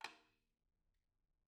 <region> pitch_keycenter=60 lokey=60 hikey=60 volume=15.604926 offset=268 seq_position=1 seq_length=2 ampeg_attack=0.004000 ampeg_release=30.000000 sample=Membranophones/Struck Membranophones/Tom 1/TomH_rimFLS_rr2_Mid.wav